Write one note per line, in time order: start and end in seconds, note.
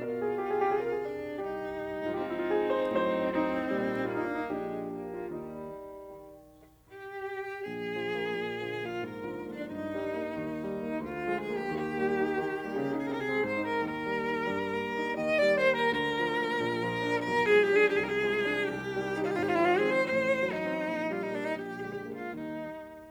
0.01 0.64 B2
0.01 1.03 F4
0.01 0.19 A#4
0.10 0.34 G#4
0.35 0.51 G4
0.52 0.64 G#4
0.66 1.40 C3
0.66 0.83 G4
0.74 0.92 G#4
0.83 1.03 A#4
0.92 1.40 G#4
1.03 1.41 D4
1.41 2.13 C2
1.41 2.13 D#4
1.41 2.13 G4
2.13 2.90 G#2
2.13 2.90 F3
2.13 3.31 C4
2.13 3.31 D#4
2.13 2.25 F4
2.20 2.32 G4
2.26 2.36 F4
2.32 2.51 E4
2.41 2.61 F4
2.53 2.71 G#4
2.72 2.90 C5
2.91 3.70 A2
2.91 3.70 F#3
2.91 3.31 C5
3.31 4.06 C4
3.31 4.06 D#4
3.71 4.44 A#2
3.71 4.44 G3
4.07 4.44 A#3
4.07 4.26 F4
4.16 4.35 D#4
4.27 4.44 D4
4.36 4.55 D#4
4.45 5.23 A#1
4.45 5.23 A#2
4.45 4.84 G#3
4.45 5.23 D4
4.45 5.03 G4
4.85 5.23 A#3
5.04 5.23 F4
5.23 6.00 D#2
5.23 6.00 G3
5.23 6.00 D#4
6.01 6.79 D#3
6.80 7.62 G4
7.63 8.34 A#1
7.63 8.82 G#4
7.89 8.12 F3
8.12 8.34 A#3
8.35 8.99 A#2
8.60 8.75 D3
8.60 8.75 F3
8.76 8.99 A#3
8.82 8.99 F4
8.99 9.69 G#2
8.99 9.51 A#4
9.24 9.44 D3
9.24 9.44 F3
9.44 9.69 A#3
9.51 9.70 D4
9.70 10.35 G2
9.70 10.99 D#4
9.93 10.16 D#3
9.93 10.16 G3
10.18 10.35 A#3
10.36 10.99 D#2
10.59 10.80 D#3
10.59 10.80 G3
10.81 10.99 A#3
11.00 11.70 D2
11.00 11.35 F4
11.23 11.48 F3
11.23 11.48 G#3
11.35 11.55 G#4
11.48 11.70 A#3
11.55 11.70 G4
11.71 12.44 D#2
11.71 13.07 G4
11.95 12.21 G3
11.95 12.21 A#3
12.22 12.44 D#4
12.44 12.73 D#3
12.65 12.85 G3
12.65 12.85 A#3
12.74 13.07 C#3
12.85 13.07 D#4
13.08 13.43 C3
13.08 13.14 G#4
13.14 13.21 A#4
13.21 13.25 G#4
13.25 13.35 G4
13.31 13.55 G#3
13.31 13.55 C4
13.31 13.43 G#4
13.43 13.81 G#2
13.43 13.62 C5
13.57 13.81 D#4
13.62 13.81 A#4
13.82 14.47 D#2
13.82 14.47 D#3
13.82 15.16 A#4
14.05 14.25 G3
14.05 14.25 A#3
14.26 14.47 D#4
14.48 15.16 G2
14.48 15.16 G3
14.73 14.94 A#3
14.94 15.16 D#4
15.17 15.91 D#2
15.17 15.91 D#3
15.17 15.35 D#5
15.35 15.54 D5
15.41 15.66 G3
15.54 15.73 C5
15.67 15.91 A#3
15.73 15.91 A#4
15.91 16.56 D2
15.91 16.56 D3
15.91 17.30 A#4
16.13 16.33 F3
16.33 16.56 A#3
16.57 17.30 A#1
16.57 17.30 A#2
16.79 17.04 F3
17.05 17.30 D4
17.32 18.00 B1
17.32 18.00 B2
17.32 17.41 A#4
17.41 17.69 G#4
17.56 17.80 F3
17.56 17.80 G#3
17.69 17.85 G4
17.82 18.00 D4
17.86 18.00 G#4
18.01 18.73 C2
18.01 18.73 C3
18.01 18.07 G4
18.07 18.13 G#4
18.13 18.19 A#4
18.19 18.74 G#4
18.26 18.49 F3
18.26 18.49 G#3
18.49 18.73 D4
18.74 19.34 C2
18.74 19.34 G4
18.93 19.10 D#3
18.93 19.10 G3
19.12 19.34 D#4
19.34 20.06 G#1
19.34 20.06 G#2
19.34 19.39 F4
19.39 19.45 G4
19.45 19.51 F4
19.51 19.62 E4
19.58 19.81 D#3
19.58 19.81 F3
19.58 19.71 F4
19.71 19.87 G#4
19.81 20.06 C4
19.88 20.06 C5
20.07 20.81 A1
20.07 20.81 A2
20.07 20.44 C5
20.31 20.56 D#3
20.31 20.56 F#3
20.44 21.12 D#4
20.57 20.81 C4
20.82 21.50 A#1
20.82 21.50 A#2
21.05 21.25 D#3
21.05 21.25 G3
21.14 21.23 F4
21.23 21.50 A#3
21.23 21.32 D#4
21.32 21.41 D4
21.41 21.51 D#4
21.51 22.30 A#1
21.51 22.11 G4
21.79 22.05 D3
21.79 22.05 G#3
22.05 22.30 A#3
22.12 22.30 F4
22.31 23.11 D#2
22.31 23.11 D#3
22.31 23.11 G3
22.31 23.11 D#4